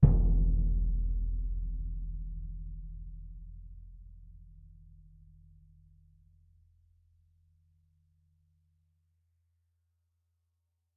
<region> pitch_keycenter=62 lokey=62 hikey=62 volume=11.533501 offset=1011 lovel=94 hivel=110 ampeg_attack=0.004000 ampeg_release=30 sample=Membranophones/Struck Membranophones/Bass Drum 2/bassdrum_hit_f.wav